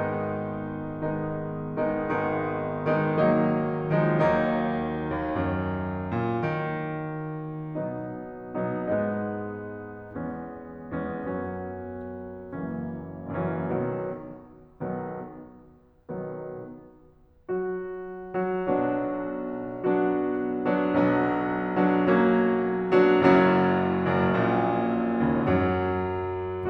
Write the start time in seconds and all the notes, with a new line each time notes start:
0.00 G#1 G#2 D#3 G#3 B3 D#4
0.80 D#3 G#3 B3 D#4
1.58 D#3 G#3 B3 D#4
1.80 G#1 D#3 G#3 B3 D#4
2.88 D#3 G#3 B3 D#4
3.08 D#3 F#3 A#3 D#4
3.87 D#3 F3 G#3 D#4
4.13 D#2 D#3 F#3 A#3 D#4
5.03 D#2
5.28 F#2
6.10 A#2
6.66 D#3
7.89 B2 F#3 B3 D#4
8.70 B2 F#3 B3 D#4
8.96 G#2 G#3 B3 D#4
10.19 E2 G#3 B3 C#4
11.04 E2 G#3 B3 C#4
11.34 F#2 F#3 B3 C#4
12.76 F#1 F#2 E3 F#3 A#3 C#4
13.61 F#1 F#2 E3 F#3 A#3 C#4
13.76 B1 B2 D#3 B3
15.01 B1 B2 D#3 B3
16.36 B1 B2 D#3 B3
17.68 F#3 F#4
18.66 F#3 F#4
18.83 B1 B2 F#3 B3 D4 F#4
19.84 F#3 B3 D4 F#4
20.65 F#3 B3 D4 F#4
21.05 B1 F#3 B3 D4 F#4
21.85 F#3 B3 D4 F#4
22.04 F#3 A#3 C#4 F#4
22.95 F#3 B3 D4 F#4
23.15 F#1 F#2 F#3 C#4 E4 F#4
23.96 F#1 F#2
24.28 A#1 A#2
25.24 C#2 C#3
25.45 F#2 F#3